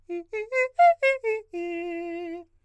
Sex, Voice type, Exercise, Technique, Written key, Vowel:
male, countertenor, arpeggios, fast/articulated forte, F major, i